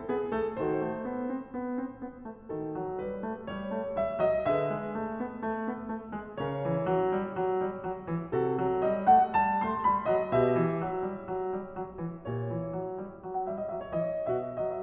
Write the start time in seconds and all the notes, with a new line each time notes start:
0.00 B3
0.05 G4
0.27 A3
0.31 A4
0.56 D#3 F#4 A4 C5
0.79 A3
1.03 B3
1.28 C4
1.52 B3
1.75 C4
1.96 B3
2.23 A3
2.51 D#3 F#4 A4
2.75 F#3
3.00 G3
3.07 B4
3.25 A3
3.49 G3
3.54 C#5
3.72 A3
3.96 G3
4.01 E5
4.20 F#3
4.25 D#5
4.46 D3 G#4 B4
4.52 E5
4.75 G#3
5.03 A3
5.18 B3
5.42 A3
5.70 B3
5.92 A3
6.15 G#3
6.41 C#3 A#4 C#5
6.65 E3
6.93 F#3
7.12 G3
7.36 F#3
7.59 G3
7.80 F#3
8.08 E3
8.35 C3 F#4 A4
8.60 F#3
8.82 G3
8.87 D#5
9.03 A3
9.09 F#5
9.29 G3
9.36 A5
9.59 A3
9.65 C6
9.85 G3
9.90 B5
10.10 F#3
10.15 D#5
10.36 B2 G4 B4 E5
10.60 E3
10.87 F#3
11.06 G3
11.27 F#3
11.47 G3
11.70 F#3
11.97 E3
12.26 A#2 G4 C#5
12.46 E3
12.70 F#3
12.92 G3
13.14 F#3
13.35 F#5
13.42 G3
13.47 E5
13.61 D#5
13.70 F#3
13.78 E5
13.92 C#5
14.00 E3
14.05 D#5
14.26 B2 F#4 B4
14.34 E5
14.41 D#5
14.48 E5
14.56 F#3 D#5
14.62 E5
14.70 D#5
14.77 E5